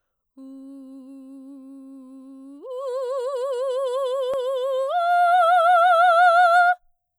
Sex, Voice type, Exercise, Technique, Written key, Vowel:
female, soprano, long tones, full voice forte, , u